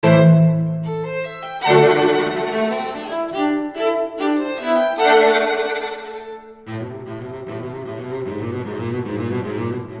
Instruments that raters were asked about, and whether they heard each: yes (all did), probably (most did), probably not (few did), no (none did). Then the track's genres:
violin: yes
accordion: no
cello: yes
bass: no
Chamber Music; Contemporary Classical